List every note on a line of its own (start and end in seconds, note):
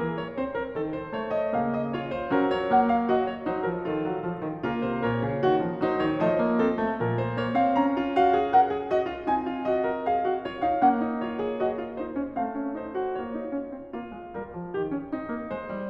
0.00 0.38 E3
0.00 0.17 A#4
0.17 0.38 C#5
0.38 0.75 C4
0.38 0.57 C5
0.57 0.75 A#4
0.75 1.14 D#3
0.75 0.93 A4
0.93 1.14 C5
1.14 1.53 A3
1.14 1.37 C#5
1.37 1.53 D#5
1.53 2.30 C#3
1.53 1.92 A#3
1.53 1.75 F5
1.75 1.93 D#5
1.92 2.29 F4
1.92 2.07 C#5
2.07 2.30 C5
2.29 3.10 F#3
2.29 2.69 C#4
2.29 2.53 A#4
2.53 2.71 C#5
2.69 3.09 A#3
2.69 2.86 F#5
2.86 3.10 F5
3.09 3.46 F#4
3.09 3.30 D#5
3.30 3.47 C#5
3.46 3.67 F#3
3.46 3.88 D#4
3.46 3.67 C5
3.67 3.88 F3
3.67 3.88 A#4
3.88 4.04 D#3
3.88 4.60 F4
3.88 4.61 A4
4.04 4.25 F#3
4.25 4.41 F3
4.41 4.61 D#3
4.60 4.85 C#3
4.60 6.18 A#3
4.60 5.04 F4
4.60 4.85 A#4
4.85 5.05 C3
4.85 5.05 C5
5.04 5.21 A#2
5.04 5.40 A#4
5.04 5.80 C#5
5.21 5.41 C#3
5.40 5.62 D#3
5.40 5.79 F#4
5.62 5.80 F3
5.79 5.99 F#3
5.79 6.18 D#4
5.79 5.99 C5
5.99 6.18 D#3
5.99 6.18 C#5
6.18 7.00 F3
6.18 6.37 A3
6.18 6.58 C5
6.18 7.20 D#5
6.37 6.58 A#3
6.58 6.76 C4
6.58 6.99 A4
6.76 6.99 A3
6.99 7.77 A#2
6.99 7.36 F3
6.99 7.76 A#4
7.20 7.37 C5
7.36 7.56 A#3
7.36 7.56 C#5
7.56 7.76 C4
7.56 7.77 F5
7.76 9.23 C#4
7.76 8.16 A#5
7.94 8.15 F4
8.15 8.36 F#4
8.15 8.53 F5
8.36 8.53 G#4
8.53 8.70 A#4
8.53 8.88 F#5
8.70 8.87 G#4
8.87 9.06 F#4
8.87 9.23 D#5
9.06 9.23 F4
9.23 10.80 C4
9.23 9.38 D#4
9.23 9.60 G#5
9.38 9.59 F4
9.59 9.83 F#4
9.59 10.09 D#5
9.83 10.08 A#4
10.08 10.27 G#4
10.08 10.46 F5
10.27 10.45 F#4
10.45 10.62 F4
10.45 10.62 C#5
10.62 10.80 D#4
10.62 10.80 F5
10.80 12.35 A#3
10.80 10.95 C#4
10.80 11.20 F#5
10.95 11.19 D#4
11.19 11.38 F4
11.19 11.61 C#5
11.38 11.60 G#4
11.60 11.75 F#4
11.60 11.96 D#5
11.75 11.95 F4
11.95 12.14 D#4
11.95 12.36 C5
12.14 12.35 C#4
12.35 13.17 A3
12.35 12.57 C4
12.35 12.81 F5
12.57 12.79 C#4
12.79 12.97 D#4
12.79 13.18 C5
12.97 13.17 F#4
13.17 13.35 A#3
13.17 13.91 F4
13.17 15.48 C#5
13.35 13.51 D#4
13.51 13.71 C#4
13.71 13.91 C4
13.91 14.12 A#3
13.91 14.33 F4
14.12 14.33 G#3
14.33 14.51 G3
14.33 14.71 A#4
14.51 14.71 F3
14.71 14.92 D#3
14.71 15.13 G4
14.92 15.13 C#4
15.13 15.31 C4
15.13 15.89 D#4
15.31 15.46 A#3
15.46 15.70 G#3
15.46 15.89 C5
15.70 15.89 G3